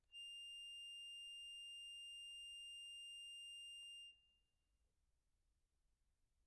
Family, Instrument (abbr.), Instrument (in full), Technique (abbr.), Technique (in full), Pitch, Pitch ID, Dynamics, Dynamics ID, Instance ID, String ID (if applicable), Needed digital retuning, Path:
Keyboards, Acc, Accordion, ord, ordinario, F7, 101, pp, 0, 2, , FALSE, Keyboards/Accordion/ordinario/Acc-ord-F7-pp-alt2-N.wav